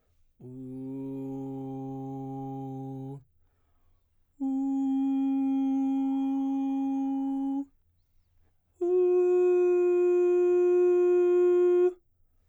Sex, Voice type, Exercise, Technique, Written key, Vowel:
male, baritone, long tones, straight tone, , u